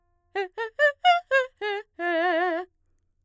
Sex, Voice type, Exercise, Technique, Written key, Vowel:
female, mezzo-soprano, arpeggios, fast/articulated forte, F major, e